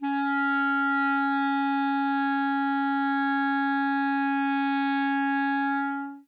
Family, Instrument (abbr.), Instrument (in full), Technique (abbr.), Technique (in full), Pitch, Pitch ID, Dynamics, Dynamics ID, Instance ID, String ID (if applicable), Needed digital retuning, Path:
Winds, ClBb, Clarinet in Bb, ord, ordinario, C#4, 61, ff, 4, 0, , TRUE, Winds/Clarinet_Bb/ordinario/ClBb-ord-C#4-ff-N-T15u.wav